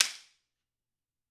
<region> pitch_keycenter=60 lokey=60 hikey=60 volume=2.448004 seq_position=3 seq_length=3 ampeg_attack=0.004000 ampeg_release=0.300000 sample=Idiophones/Struck Idiophones/Slapstick/slapstick_rr1.wav